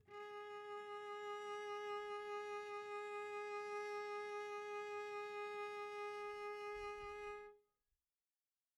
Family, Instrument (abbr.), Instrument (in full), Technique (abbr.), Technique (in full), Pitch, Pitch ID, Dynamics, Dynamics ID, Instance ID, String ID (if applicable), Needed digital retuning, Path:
Strings, Vc, Cello, ord, ordinario, G#4, 68, pp, 0, 0, 1, FALSE, Strings/Violoncello/ordinario/Vc-ord-G#4-pp-1c-N.wav